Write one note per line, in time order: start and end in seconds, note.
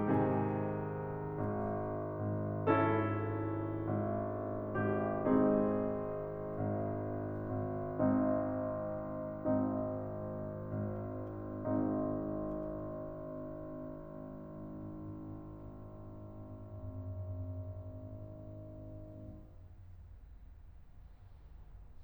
0.00 5.26 G#2
0.00 1.37 C3
0.00 1.37 D#3
0.00 1.37 G#4
0.00 1.37 G#5
1.38 2.21 G#1
2.22 2.68 G#1
2.69 3.89 G#1
2.69 5.26 C#4
2.69 5.26 E4
2.69 4.93 A4
3.91 4.93 G#1
4.95 5.26 G#1
4.95 5.26 G4
5.26 6.19 G#1
5.26 11.38 G#2
5.26 7.64 C4
5.26 7.64 D#4
5.26 19.04 G#4
6.20 7.40 G#1
7.41 7.64 G#1
7.65 8.94 G#1
7.65 8.94 C4
7.65 8.94 D#4
8.95 10.02 G#1
8.95 11.38 C4
8.95 11.38 D#4
10.03 11.38 G#1
11.39 19.04 G#1
11.39 19.04 G#2
11.39 19.04 G#3
11.39 19.04 C4
11.39 19.04 D#4